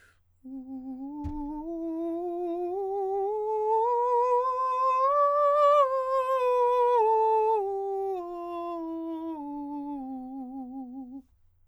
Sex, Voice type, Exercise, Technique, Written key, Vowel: male, countertenor, scales, vibrato, , u